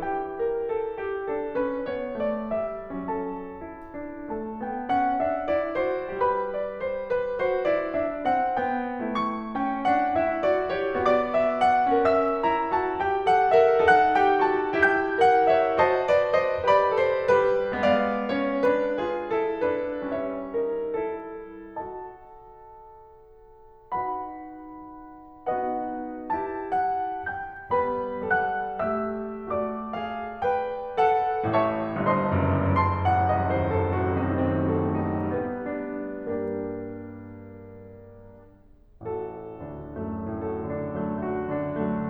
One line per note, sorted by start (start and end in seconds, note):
0.00 3.08 E3
0.00 1.29 E4
0.00 0.34 G4
0.00 3.08 G5
0.35 0.59 A#4
0.60 0.84 A4
0.86 1.29 G4
1.31 1.61 D4
1.31 1.61 A4
1.63 1.89 C#4
1.63 1.89 B4
1.92 2.17 B3
1.92 2.17 C#5
2.18 2.46 A3
2.18 2.46 D5
2.47 3.08 G3
2.47 3.08 E5
3.09 6.16 F#3
3.09 3.63 C#4
3.09 4.31 A4
3.09 4.31 A5
3.68 3.95 E4
3.96 4.31 D4
4.32 4.66 A3
4.32 4.66 A4
4.32 6.16 A5
4.67 4.86 B3
4.67 4.86 G5
4.89 5.21 C#4
4.89 5.21 F#5
5.24 5.48 D4
5.24 5.48 E5
5.50 5.77 E4
5.50 5.77 D5
5.80 6.16 F#4
5.80 6.16 C5
6.18 9.10 G3
6.18 7.33 G4
6.18 6.50 B4
6.18 9.10 B5
6.51 6.80 D5
6.82 7.07 C5
7.09 7.33 B4
7.34 7.72 F#4
7.34 7.72 C5
7.76 8.03 E4
7.76 8.03 D5
8.06 8.25 D4
8.06 8.25 E5
8.28 8.60 C#4
8.28 8.60 F#5
8.61 9.10 B3
8.61 9.52 G5
9.11 10.90 A3
9.11 9.52 E4
9.11 10.90 C#6
9.56 9.81 C#4
9.56 9.81 G5
9.82 10.14 D4
9.82 10.14 F#5
10.16 10.44 E4
10.16 10.44 E5
10.45 10.67 F#4
10.45 10.67 D5
10.69 10.90 G4
10.69 10.90 C#5
10.91 12.04 B3
10.91 11.31 F#4
10.91 11.31 D5
10.91 12.04 D6
11.32 11.61 E4
11.32 11.61 E5
11.67 12.04 D4
11.67 12.04 F#5
12.07 13.86 C#4
12.07 12.43 A#4
12.07 12.43 E5
12.07 13.86 E6
12.45 12.77 E4
12.45 12.77 A#5
12.78 12.99 F#4
12.78 12.99 A5
13.03 13.41 G4
13.03 13.41 G5
13.42 13.65 A4
13.42 13.65 F#5
13.66 13.86 A#4
13.66 13.86 E5
13.87 14.81 D#4
13.87 14.14 A4
13.87 14.14 F#5
13.87 14.81 F#6
14.16 14.55 G4
14.16 14.55 G5
14.56 14.81 F#4
14.56 14.81 A5
14.83 15.78 E4
14.83 15.20 G4
14.83 15.20 G5
14.83 15.78 G6
15.21 15.48 A4
15.21 15.48 F#5
15.49 15.78 A#4
15.49 15.78 E5
15.79 16.63 F#4
15.79 16.07 C5
15.79 16.07 D#5
15.79 16.63 A5
16.08 16.32 B4
16.08 16.32 D5
16.38 16.63 C5
16.38 16.63 D#5
16.64 17.41 G4
16.64 17.00 B4
16.64 17.00 D5
16.64 17.74 B5
17.07 17.41 A4
17.07 17.41 C5
17.43 17.74 G3
17.43 17.74 G4
17.43 17.74 B4
17.76 20.07 G#3
17.76 18.19 B3
17.76 18.19 D5
17.76 20.07 F5
18.22 18.62 C#4
18.22 18.62 C#5
18.66 18.99 D4
18.66 18.99 B4
19.01 19.34 F4
19.01 19.34 G#4
19.37 19.64 E4
19.37 19.64 A4
19.66 20.07 D4
19.66 20.07 B4
20.10 21.66 G3
20.10 20.50 C#4
20.10 20.50 C#5
20.10 21.66 E5
20.53 20.93 D#4
20.53 20.93 A#4
20.96 21.66 E4
20.96 21.66 A4
21.70 23.90 F#4
21.70 23.90 A4
21.70 23.90 D#5
21.70 23.90 A5
23.95 25.48 D#4
23.95 25.48 F#4
23.95 25.48 B4
23.95 25.48 F#5
23.95 25.48 B5
25.50 26.32 B3
25.50 26.32 D#4
25.50 26.32 F#4
25.50 26.32 B4
25.50 26.32 D#5
25.50 26.32 F#5
26.33 27.74 E4
26.33 27.74 G4
26.33 26.70 A5
26.73 27.26 F#5
27.30 27.74 G5
27.30 27.74 G6
27.75 29.48 G3
27.75 28.33 B3
27.75 28.33 B4
27.75 28.33 B5
28.34 28.85 A4
28.34 28.85 F#5
28.34 28.85 F#6
28.89 29.48 G4
28.89 29.48 E5
28.89 29.48 E6
29.50 29.94 F#4
29.50 29.94 D5
29.50 31.43 D6
29.95 30.45 G#4
29.95 30.45 F5
30.48 30.98 B4
30.48 30.98 G5
30.99 31.43 A4
30.99 31.43 F#5
31.44 31.95 A1
31.44 31.95 A2
31.44 31.95 C#5
31.44 31.95 E5
31.44 31.95 A5
31.44 31.95 C#6
31.96 32.26 G1
31.96 32.26 G2
31.96 32.75 C5
31.96 32.75 D#5
31.96 32.75 A5
31.96 32.75 C6
32.28 32.75 F#1
32.28 32.75 F#2
32.81 33.04 F#1
32.81 33.04 A5
32.81 33.68 C6
33.07 33.26 A1
33.07 33.26 F#5
33.29 33.47 C2
33.29 33.47 D#5
33.48 33.68 D#2
33.48 33.68 C5
33.68 33.90 F#2
33.68 33.90 A4
33.68 35.34 C5
33.91 34.12 A2
33.91 34.12 F#4
34.17 34.38 C3
34.17 34.38 D#4
34.47 34.69 D#3
34.47 34.69 C4
34.75 34.95 F#3
34.75 34.95 A4
34.99 35.34 C4
34.99 35.34 D#4
35.35 35.82 G3
35.35 35.82 B3
35.35 35.82 D4
35.35 36.06 B4
35.84 36.06 B3
35.84 36.06 G4
36.07 39.03 G2
36.07 39.03 G3
36.07 39.03 A#3
36.07 39.03 D4
36.07 39.03 G4
36.07 39.03 A#4
39.04 39.49 A1
39.04 39.49 F#4
39.04 40.31 A4
39.54 39.94 D2
39.54 39.94 D4
39.96 40.31 F#2
39.96 40.31 C#4
40.33 42.09 A2
40.33 40.62 F#4
40.33 42.09 A4
40.65 40.89 D3
40.65 40.89 D4
40.90 41.13 F#3
40.90 41.13 A3
41.15 41.45 A3
41.15 41.45 F#4
41.48 41.74 D3
41.48 41.74 F#4
41.77 42.09 F#3
41.77 42.09 D4